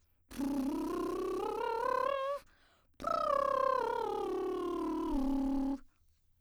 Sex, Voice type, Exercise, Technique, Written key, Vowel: female, soprano, scales, lip trill, , u